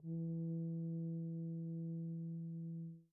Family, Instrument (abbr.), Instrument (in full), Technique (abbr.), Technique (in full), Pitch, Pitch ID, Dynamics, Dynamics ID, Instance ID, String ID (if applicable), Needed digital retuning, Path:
Brass, BTb, Bass Tuba, ord, ordinario, E3, 52, pp, 0, 0, , FALSE, Brass/Bass_Tuba/ordinario/BTb-ord-E3-pp-N-N.wav